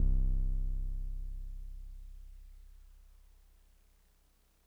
<region> pitch_keycenter=24 lokey=24 hikey=26 tune=-1 volume=12.587240 lovel=66 hivel=99 ampeg_attack=0.004000 ampeg_release=0.100000 sample=Electrophones/TX81Z/Piano 1/Piano 1_C0_vl2.wav